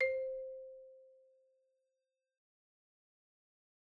<region> pitch_keycenter=72 lokey=69 hikey=75 volume=14.991565 offset=58 xfin_lovel=84 xfin_hivel=127 ampeg_attack=0.004000 ampeg_release=15.000000 sample=Idiophones/Struck Idiophones/Marimba/Marimba_hit_Outrigger_C4_loud_01.wav